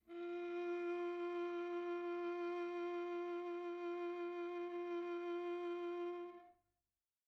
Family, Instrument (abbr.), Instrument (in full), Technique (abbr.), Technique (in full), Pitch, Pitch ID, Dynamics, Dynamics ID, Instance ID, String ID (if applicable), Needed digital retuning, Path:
Strings, Va, Viola, ord, ordinario, F4, 65, pp, 0, 3, 4, FALSE, Strings/Viola/ordinario/Va-ord-F4-pp-4c-N.wav